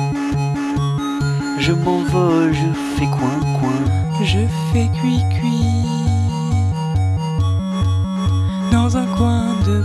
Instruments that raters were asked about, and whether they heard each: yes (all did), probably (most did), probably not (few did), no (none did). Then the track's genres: clarinet: no
Noise; Singer-Songwriter; Chip Music